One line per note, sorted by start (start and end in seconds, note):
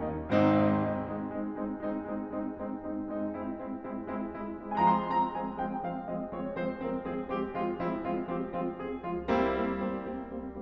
0.00 0.13 D#2
0.00 0.27 A#3
0.00 0.27 C#4
0.00 0.27 D#4
0.33 0.62 G#1
0.33 0.62 G#2
0.33 0.62 C4
0.33 0.62 D#4
0.84 1.10 G#3
0.84 1.10 C4
0.84 1.10 D#4
1.11 1.36 G#3
1.11 1.36 C4
1.11 1.36 D#4
1.38 1.59 G#3
1.38 1.59 C4
1.38 1.59 D#4
1.60 1.85 G#3
1.60 1.85 C4
1.60 1.85 D#4
1.86 2.11 G#3
1.86 2.11 C4
1.86 2.11 D#4
2.11 2.32 G#3
2.11 2.32 C4
2.11 2.32 D#4
2.32 2.55 G#3
2.32 2.55 C4
2.32 2.55 D#4
2.55 2.75 G#3
2.55 2.75 C4
2.55 2.75 D#4
2.75 2.95 G#3
2.75 2.95 C4
2.75 2.95 D#4
2.95 3.13 G#3
2.95 3.13 C4
2.95 3.13 D#4
3.15 3.32 G#3
3.15 3.32 C4
3.15 3.32 D#4
3.33 3.53 G#3
3.33 3.53 C4
3.33 3.53 E4
3.54 3.81 G#3
3.54 3.81 C4
3.54 3.81 E4
3.82 4.04 G#3
3.82 4.04 C4
3.82 4.04 E4
4.05 4.26 G#3
4.05 4.26 C4
4.05 4.26 E4
4.27 4.48 G#3
4.27 4.48 C4
4.27 4.48 E4
4.49 4.75 G#3
4.49 4.75 C4
4.49 4.75 E4
4.76 4.96 F3
4.76 4.96 G#3
4.76 4.96 C4
4.76 4.79 G#5
4.76 4.79 A#5
4.85 4.96 C6
4.97 5.36 F3
4.97 5.36 G#3
4.97 5.36 C4
4.97 5.24 A#5
5.38 5.57 F3
5.38 5.57 G#3
5.38 5.57 C4
5.38 5.47 G#5
5.58 5.79 F3
5.58 5.79 G#3
5.58 5.79 C4
5.58 5.70 G5
5.80 6.06 F3
5.80 6.06 G#3
5.80 6.06 C4
5.80 5.92 F5
6.07 6.33 F3
6.07 6.33 G#3
6.07 6.33 C4
6.07 6.20 D#5
6.33 6.56 F3
6.33 6.56 G#3
6.33 6.56 C4
6.33 6.44 C#5
6.56 6.82 F3
6.56 6.82 G#3
6.56 6.82 C4
6.56 6.68 C5
6.82 7.04 F3
6.82 7.04 G#3
6.82 7.04 C4
6.82 6.93 A#4
7.04 7.24 F3
7.04 7.24 G#3
7.04 7.24 C4
7.04 7.15 G#4
7.24 7.49 F3
7.24 7.49 G#3
7.24 7.49 C4
7.24 7.33 G4
7.50 7.80 F3
7.50 7.80 G#3
7.50 7.80 C4
7.50 7.63 F4
7.81 8.09 F3
7.81 8.09 G#3
7.81 8.09 C4
7.81 7.98 E4
8.10 8.35 F3
8.10 8.35 G#3
8.10 8.35 C4
8.10 8.23 F4
8.36 8.58 F3
8.36 8.58 G#3
8.36 8.58 C4
8.36 8.45 G4
8.61 8.85 F3
8.61 8.85 G#3
8.61 8.85 C4
8.61 8.73 F4
8.86 9.08 F3
8.86 9.08 G#3
8.86 9.08 C4
8.86 8.96 G#4
9.09 9.29 F3
9.09 9.29 G#3
9.09 9.29 C4
9.09 9.18 F4
9.30 9.51 G3
9.30 9.51 A#3
9.30 9.51 C4
9.30 9.51 E4
9.53 9.78 G3
9.53 9.78 A#3
9.53 9.78 C4
9.79 9.95 G3
9.79 9.95 A#3
9.79 9.95 C4
9.96 10.22 G3
9.96 10.22 A#3
9.96 10.22 C4
10.23 10.41 G3
10.23 10.41 A#3
10.23 10.41 C4
10.43 10.62 G3
10.43 10.62 A#3
10.43 10.62 C4